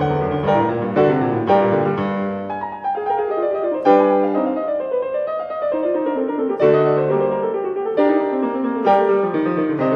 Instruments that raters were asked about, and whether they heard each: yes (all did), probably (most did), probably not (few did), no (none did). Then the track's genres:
mandolin: no
cymbals: no
piano: yes
drums: no
Classical